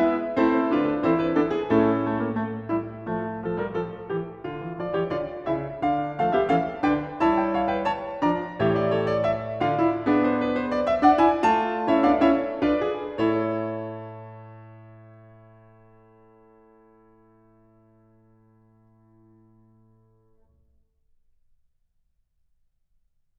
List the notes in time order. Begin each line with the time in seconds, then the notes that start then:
0.00 G#3 B3 E4 B4 E5
0.35 A3 C4 E4 C5
0.73 D3 D4 F4 B4
0.92 A4
1.04 E3 C4 E4 A4 C5
1.21 B4
1.34 B3 D4 E4 A4
1.50 G#4
1.72 A2 A3 C#4 E4 A4
2.02 A3
2.19 A#3
2.28 A3
2.68 G3 E4
3.09 F3 A3
3.46 F3 A4
3.58 G3 A#4
3.73 F3 A4
4.08 E3 G4
4.46 D3 F4
4.62 E3
4.78 F3 F4 D5
4.97 E3 G4 C#5
5.15 D3 F4 D5
5.47 C#3 E4 E5
5.82 D3 D4 F5
6.20 F3 A3 A4 F5
6.32 B3 G4 E5
6.48 E3 C#4 A4 F5
6.83 D3 D4 B4 G5
7.17 G3 E4 C#5 A5
7.38 G5
7.51 C#5 F5
7.67 B4 G5
7.81 C#5 A5
8.19 F3 D4 D5
8.23 A#5
8.56 E3 G4 C#5 E5
8.74 D5
8.90 A4 C#5
9.13 D5
9.30 E5
9.60 D3 F4 D5 F5
9.81 E4
10.05 B3 D4 G#4
10.29 C5
10.44 B4
10.55 C5
10.70 D5
10.89 E5
10.99 D4 D5 F#5
11.18 E4 G#5
11.38 A3 F4 A5
11.82 C#4 E4 C#5 E5
12.03 B3 D4 D5 F5
12.19 C#4 E4 C#5 E5
12.61 D4 F4 B4 D5
12.89 G#4
13.35 E4 A4 C#5